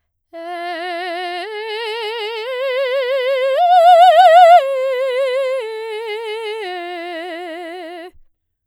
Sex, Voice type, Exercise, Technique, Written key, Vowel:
female, soprano, arpeggios, slow/legato forte, F major, e